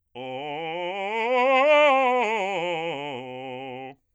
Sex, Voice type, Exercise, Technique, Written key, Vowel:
male, bass, scales, fast/articulated forte, C major, o